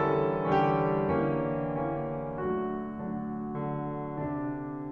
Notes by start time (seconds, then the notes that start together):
0.01 D3 E3 G3 C#4 A4
0.56 D3 E3 G3 C#4 G4
1.24 D3 E3 A#3 C#4
1.88 D3 E3 A#3 C#4
2.42 D3 F#3 A3 D4 F#4
3.02 D3 F#3 A3 D4
3.64 D3
4.22 C3 D3 D4